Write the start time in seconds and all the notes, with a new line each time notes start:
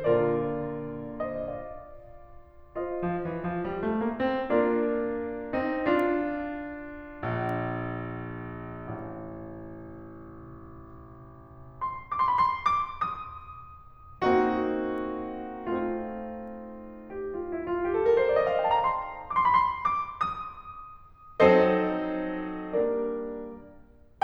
0.01 A#2 D3 F4 A#4 D5
1.34 C5 D#5
1.50 D5 F5
2.92 F4 C5 D#5
3.08 F3
3.28 E3
3.48 F3
3.67 G3
3.86 A3
4.12 A#3
4.28 C4
4.48 A#3 D4 F4 A#4 D5
5.61 C4 D#4
5.83 D4 F4
7.26 A#1
8.77 A1
11.85 C6
12.54 C6 D6
12.63 B5 C6
12.82 D6
13.00 D#6
14.24 A#3 C4 D#4 F#4
15.40 A3
17.55 G4
17.63 F4
17.71 E4
17.79 F4
17.90 G4
17.98 A4
18.08 A#4
18.19 C5
18.28 D5
18.37 D#5
18.47 F5
18.59 G5
18.69 A5
18.77 A#5
18.85 C6
19.57 D6
19.63 C6
19.68 B5
19.73 C6
19.91 D6
20.04 D#6
21.40 F#3 C4 D#4 A4 C5 D#5
22.80 G3 A#3 D4 A#4 D5